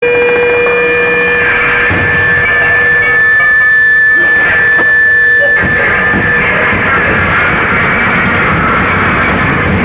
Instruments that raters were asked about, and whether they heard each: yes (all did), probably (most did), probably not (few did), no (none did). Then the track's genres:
flute: no
Noise; Experimental